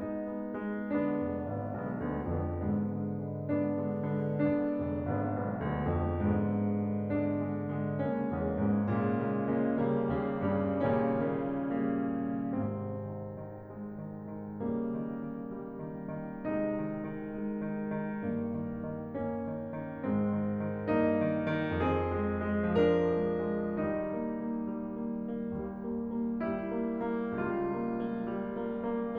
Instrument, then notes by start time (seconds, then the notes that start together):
piano
0.01 G#3 B3 D#4
0.33 G#3 B3
0.62 G#3 B3
0.91 D3 G#3 B3 D4
1.14 F1 D3 G#3 B3
1.41 G#1 D3 G#3 B3
1.72 B1 D3 G#3 B3
2.04 D2 D3 G#3 B3
2.26 F2 D3 G#3 B3
2.51 G#2 D3 G#3 B3
2.79 D3 G#3 B3
3.06 D3 G#3 B3
3.38 D3 G#3 B3 D4
3.73 D3 G#3 B3
4.01 D3 G#3 B3
4.29 D3 G#3 B3 D4
4.60 F1 D3 G#3 B3
5.01 G#1 D3 G#3 B3
5.31 B1 D3 G#3 B3
5.56 D2 D3 G#3 B3
5.86 F2 D3 G#3 B3
6.16 G#2 D3 G#3 B3
6.52 D3 G#3 B3
6.84 D3 G#3 B3
7.16 D3 G#3 B3 D4
7.47 D3 G#3 B3
7.77 D3 G#3 B3
8.01 C#3 G#3 A#3 C#4
8.27 E2 C#3 G#3 A#3
8.54 G#2 C#3 G#3 A#3
8.86 A#2 C#3 G#3 A#3
9.20 C#3 G#3 A#3
9.48 C#3 G#3 A#3
9.78 C#3 G3 A#3
10.19 D#2 C#3 G3 A#3
10.48 G2 C#3 G3 A#3
10.83 A#2 C#3 D#3 G3 A#3 C#4
11.43 C#3 D#3 G3 A#3
12.31 C#3 D#3 G3 A#3
12.61 G#1 G#2 C3 C4
12.99 D#3
13.39 D#3
13.68 G#3
13.96 D#3
14.27 D#3
14.63 C#3 G3 A#3
15.03 D#3
15.32 D#3
15.59 G3
15.82 D#3
16.13 D#3
16.43 C3 G#3 D#4
16.68 D#3
16.93 D#3
17.17 G#3
17.42 D#3
17.79 D#3
18.20 G2 A#3
18.56 D#3
18.84 D#3
19.20 A#3 C#4
19.57 D#3
19.85 D#3
20.08 G#2 G#3 C4
20.35 D#3
20.65 D#3
20.87 G2 A#3 D#4
21.19 D#3
21.50 D#3
21.84 F2 C4 G#4
22.13 G#3
22.44 G#3
22.78 F3 D4 A#4
23.19 G#3
23.48 G#3
23.77 D#3 G3 D#4
24.06 A#3
24.35 A#3
24.69 G3
24.97 A#3
25.23 A#3
25.49 D#2 G3
25.84 A#3
26.14 A#3
26.43 G3 E4
26.76 A#3
27.10 A#3
27.36 C#2 G3 F4
27.74 A#3
28.02 A#3
28.33 G3
28.65 A#3
28.90 A#3